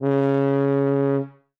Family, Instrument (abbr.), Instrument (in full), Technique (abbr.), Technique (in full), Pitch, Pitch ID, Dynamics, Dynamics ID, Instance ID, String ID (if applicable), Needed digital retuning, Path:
Brass, BTb, Bass Tuba, ord, ordinario, C#3, 49, ff, 4, 0, , FALSE, Brass/Bass_Tuba/ordinario/BTb-ord-C#3-ff-N-N.wav